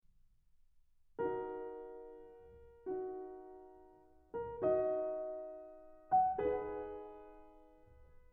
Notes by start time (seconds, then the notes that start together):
1.17 D#4 F#4 A#4
2.92 D#4 F#4
4.32 A#4
4.72 D#4 F#4 D#5
6.11 F#5
6.47 D#4 G#4 B4